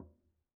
<region> pitch_keycenter=62 lokey=62 hikey=62 volume=35.297054 lovel=0 hivel=83 seq_position=2 seq_length=2 ampeg_attack=0.004000 ampeg_release=15.000000 sample=Membranophones/Struck Membranophones/Conga/Quinto_HitFM1_v1_rr2_Sum.wav